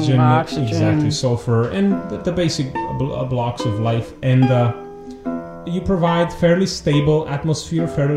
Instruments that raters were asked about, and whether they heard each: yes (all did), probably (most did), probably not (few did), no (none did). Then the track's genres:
banjo: no
mandolin: probably
Noise; Psych-Folk; Experimental